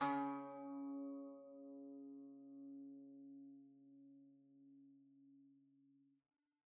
<region> pitch_keycenter=49 lokey=49 hikey=50 volume=14.113073 lovel=0 hivel=65 ampeg_attack=0.004000 ampeg_release=0.300000 sample=Chordophones/Zithers/Dan Tranh/Normal/C#2_mf_1.wav